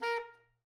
<region> pitch_keycenter=70 lokey=70 hikey=71 tune=-4 volume=17.093417 lovel=0 hivel=83 ampeg_attack=0.004000 ampeg_release=1.500000 sample=Aerophones/Reed Aerophones/Tenor Saxophone/Staccato/Tenor_Staccato_Main_A#3_vl1_rr3.wav